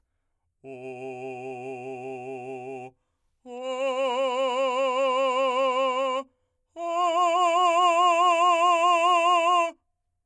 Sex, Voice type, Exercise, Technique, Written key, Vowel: male, , long tones, full voice forte, , o